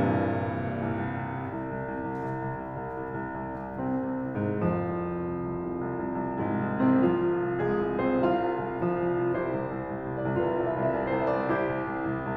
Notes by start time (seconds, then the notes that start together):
0.00 C2 G2 A#2 E3
0.22 C2
0.39 C2
0.56 C2
0.78 C2
0.98 C2
1.16 C2
1.36 C2
1.56 C2
1.75 C2
1.93 C2
2.08 C2
2.24 C2
2.41 C2
2.58 C2
2.75 C2
2.96 C2
3.12 C2
3.27 C2
3.46 C2
3.65 C2
3.80 C2 C3 C4
3.97 C2
4.14 C2
4.37 G#2 G#3
4.48 C2 F2 F3
4.68 C2
4.85 C2
5.11 C2
5.34 C2
5.58 C2
5.80 C2
6.00 C2
6.16 C2
6.39 C2 G#2 G#3
6.56 C2
6.71 C2
6.80 C3 C4
6.93 C2 F3 F4
7.12 C2
7.30 C2
7.52 C2 G#3 G#4
7.69 C2
7.89 C2
8.02 C4 C5
8.12 C2 F4 F5
8.35 C2
8.60 C2
8.82 C2 F3 F4
8.99 C2
9.20 C2
9.37 C2 E4 G4 C5
9.56 C2
9.75 C2
9.89 C2
10.09 C2
10.29 C2 D5
10.50 C2 F4 B4 C5
10.54 D5 E5
10.63 C2 D5 E5
10.81 D5
10.86 D5 E5
10.96 C2 D5 E5
11.06 E5
11.11 C2 D5 E5
11.19 D5 E5
11.27 C2 D5 E5
11.35 D5
11.40 C5
11.49 C2 E5
11.56 D5
11.66 C2 E4 G4 C5
11.85 C2
12.02 C2
12.18 C2